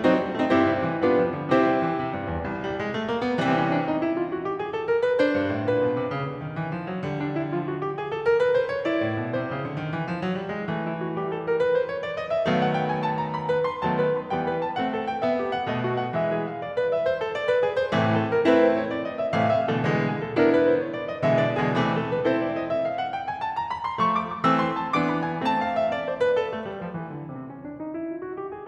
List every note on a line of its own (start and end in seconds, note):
0.01 0.15 F#3
0.01 0.34 C4
0.01 0.34 D#4
0.01 0.34 F#4
0.01 0.34 A4
0.01 0.34 C5
0.15 0.32 G3
0.32 0.48 A3
0.32 0.48 C4
0.32 0.48 D#4
0.32 0.48 F#4
0.32 0.48 A4
0.32 0.48 C5
0.48 0.67 G2
0.48 0.99 C4
0.48 0.99 E4
0.48 0.99 G4
0.48 0.99 C5
0.68 0.84 C3
0.85 0.99 E3
0.99 1.20 G3
0.99 1.52 B3
0.99 1.52 D4
0.99 1.52 F4
0.99 1.52 G4
0.99 1.52 B4
1.20 1.38 F3
1.39 1.52 D3
1.53 1.64 C3
1.53 1.97 C4
1.53 1.97 E4
1.53 1.97 G4
1.53 1.97 C5
1.64 1.81 G3
1.81 1.97 E3
1.97 2.11 C3
2.12 2.29 G2
2.30 2.44 E2
2.44 2.93 C2
2.61 2.77 G3
2.77 2.93 G#3
2.94 3.08 A3
3.08 3.23 A#3
3.23 3.36 B3
3.36 3.88 C3
3.36 3.88 E3
3.36 3.88 G3
3.36 3.52 C4
3.54 3.69 C#4
3.70 3.88 D4
3.88 4.06 D#4
4.06 4.22 E4
4.22 4.34 F4
4.35 4.51 F#4
4.52 4.63 G4
4.63 4.75 G#4
4.75 4.88 A4
4.89 5.04 A#4
5.06 5.21 B4
5.21 6.15 D4
5.21 5.68 C5
5.36 5.54 G2
5.54 5.68 A2
5.69 5.82 A#2
5.69 6.15 B4
5.83 6.00 B2
6.00 6.15 C3
6.15 6.28 C#3
6.29 6.40 D3
6.41 6.58 D#3
6.58 6.74 E3
6.74 6.89 F3
6.89 7.02 F#3
7.03 7.98 D3
7.03 7.53 G3
7.22 7.37 D4
7.37 7.53 E4
7.53 7.98 F3
7.53 7.68 F4
7.68 7.83 F#4
7.84 7.98 G4
7.99 8.12 G#4
8.12 8.28 A4
8.28 8.42 A#4
8.43 8.59 B4
8.60 8.75 C5
8.75 8.85 C#5
8.85 9.75 E4
8.85 9.35 D5
9.02 9.18 A2
9.19 9.35 B2
9.36 9.49 C3
9.36 9.75 C5
9.49 9.64 C#3
9.64 9.75 D3
9.76 9.91 D#3
9.92 10.07 E3
10.07 10.16 F3
10.16 10.33 F#3
10.33 10.48 G3
10.49 10.65 G#3
10.66 11.60 E3
10.66 11.17 A3
10.86 11.01 E4
11.01 11.17 F#4
11.19 11.60 G3
11.19 11.34 G4
11.35 11.45 A4
11.45 11.60 A#4
11.60 11.76 B4
11.76 11.88 C5
11.89 12.05 C#5
12.06 12.18 D5
12.18 12.34 D#5
12.34 12.47 E5
12.47 13.84 D#3
12.47 13.84 F#3
12.47 13.84 A3
12.47 13.84 B3
12.47 12.59 F5
12.60 12.74 F#5
12.75 12.89 G5
12.89 13.02 G#5
13.02 13.19 A5
13.21 13.33 A#5
13.35 13.50 B5
13.50 13.66 B4
13.66 13.84 C6
13.84 14.31 D#3
13.84 14.31 F#3
13.84 14.31 B3
13.84 14.00 A5
14.01 14.15 B4
14.16 14.31 B5
14.31 14.76 E3
14.31 14.76 G3
14.31 14.76 B3
14.31 14.48 G5
14.48 14.58 B4
14.59 14.76 A5
14.77 15.24 A3
14.77 15.24 C4
14.77 14.91 F#5
14.91 15.08 A4
15.08 15.24 G5
15.24 15.64 B3
15.24 15.38 E5
15.39 15.49 G4
15.51 15.64 F#5
15.64 16.12 B2
15.64 16.12 A3
15.64 15.81 D#5
15.81 15.97 F#4
15.98 16.12 F#5
16.13 16.63 E3
16.13 16.63 G#3
16.13 16.28 E5
16.28 16.47 G#4
16.47 16.63 F5
16.63 16.76 D5
16.77 16.91 B4
16.92 17.03 E5
17.03 17.20 C5
17.20 17.37 A4
17.37 17.49 D5
17.50 17.62 B4
17.63 17.73 G#4
17.73 17.90 C5
17.90 18.35 A2
17.90 18.35 C3
17.90 18.35 E3
17.90 18.35 A3
18.04 18.19 A4
18.20 18.35 A#4
18.35 18.87 A3
18.35 18.87 C4
18.35 18.87 E4
18.35 18.50 B4
18.50 18.67 C5
18.67 18.87 C#5
18.88 19.03 D5
19.05 19.20 D#5
19.20 19.32 E5
19.32 19.73 A2
19.32 19.73 C3
19.32 19.73 E3
19.32 19.73 A3
19.32 19.48 F5
19.49 19.68 E5
19.70 19.85 A2
19.70 19.85 C3
19.70 19.85 E3
19.70 19.85 A3
19.70 19.85 A4
19.85 20.38 B2
19.85 20.38 D3
19.85 20.38 E3
19.85 20.38 G#3
20.03 20.23 G#4
20.23 20.38 A4
20.39 20.92 B3
20.39 20.92 D4
20.39 20.92 E4
20.39 20.56 A#4
20.57 20.73 B4
20.73 20.92 C5
20.92 21.07 C#5
21.08 21.19 D5
21.21 21.36 D#5
21.36 21.68 B2
21.36 21.68 D3
21.36 21.68 E3
21.36 21.68 G#3
21.36 21.52 E5
21.52 21.66 D5
21.66 21.80 B2
21.66 21.80 D3
21.66 21.80 E3
21.66 21.80 G#3
21.66 21.80 G#4
21.81 22.24 C3
21.81 22.24 E3
21.81 22.24 A3
21.96 22.10 A4
22.10 22.24 B4
22.24 22.69 C4
22.24 22.69 E4
22.24 22.69 A4
22.24 22.39 C5
22.39 22.53 D5
22.54 22.69 D#5
22.70 22.85 E5
22.85 22.98 F5
22.98 23.12 F#5
23.13 23.27 G5
23.28 23.42 G#5
23.42 23.56 A5
23.56 23.72 A#5
23.72 23.92 B5
23.93 24.00 C6
24.02 24.43 F3
24.02 24.43 A3
24.02 24.17 C#6
24.17 24.31 D6
24.31 24.43 D#6
24.44 24.93 E3
24.44 24.93 A3
24.44 24.93 C4
24.44 24.60 E6
24.61 24.77 C6
24.77 24.93 A5
24.93 25.42 E3
24.93 25.42 B3
24.93 25.42 D4
24.93 25.09 D6
25.09 25.26 B5
25.27 25.42 G#5
25.45 25.92 A3
25.45 25.92 C4
25.45 25.61 A5
25.61 25.77 F5
25.77 25.92 E5
25.93 26.08 D5
26.09 26.23 C5
26.23 26.38 B4
26.38 26.82 A4
26.50 26.66 A3
26.67 26.82 G3
26.84 26.95 F3
26.95 27.14 E3
27.14 27.30 D3
27.30 27.80 C3
27.30 27.49 C4
27.50 27.64 C#4
27.65 27.80 D4
27.80 27.96 D#4
27.96 28.10 E4
28.11 28.25 F4
28.26 28.38 F#4
28.38 28.52 G4
28.52 28.68 G#4